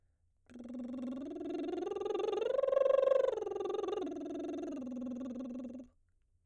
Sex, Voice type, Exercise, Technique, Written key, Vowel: female, soprano, arpeggios, lip trill, , u